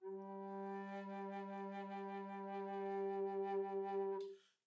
<region> pitch_keycenter=55 lokey=55 hikey=56 tune=-6 volume=12.594758 offset=689 ampeg_attack=0.004000 ampeg_release=0.300000 sample=Aerophones/Edge-blown Aerophones/Baroque Bass Recorder/SusVib/BassRecorder_SusVib_G2_rr1_Main.wav